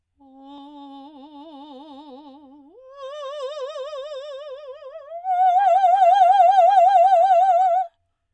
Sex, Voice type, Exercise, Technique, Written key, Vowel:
female, soprano, long tones, trill (upper semitone), , o